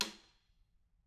<region> pitch_keycenter=65 lokey=65 hikey=65 volume=10.140006 offset=177 seq_position=2 seq_length=2 ampeg_attack=0.004000 ampeg_release=15.000000 sample=Membranophones/Struck Membranophones/Snare Drum, Modern 1/Snare2_taps_v4_rr2_Mid.wav